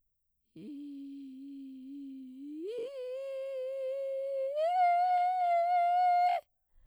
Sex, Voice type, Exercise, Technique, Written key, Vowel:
female, soprano, long tones, inhaled singing, , i